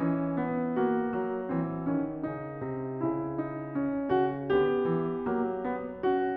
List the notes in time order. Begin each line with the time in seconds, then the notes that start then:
0.00 E3 C#4
0.38 B3
0.84 A#3 F#4
1.23 F#3
1.50 E3 C4
1.90 D#3 C#4
2.31 C#3 D#4
2.64 C3
3.08 C#3 E4
3.47 D#4
3.77 C#4
4.18 C#3 F#4
4.55 D3 B3 G4
4.95 E3
5.28 F#3 A#3
5.63 B3
5.92 C#4 F#4